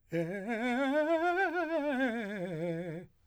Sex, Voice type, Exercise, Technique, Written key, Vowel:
male, , scales, fast/articulated piano, F major, e